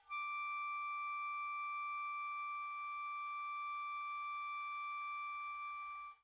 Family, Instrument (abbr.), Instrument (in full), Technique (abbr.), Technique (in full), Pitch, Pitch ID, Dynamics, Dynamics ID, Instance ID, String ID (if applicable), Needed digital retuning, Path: Winds, Ob, Oboe, ord, ordinario, D6, 86, pp, 0, 0, , FALSE, Winds/Oboe/ordinario/Ob-ord-D6-pp-N-N.wav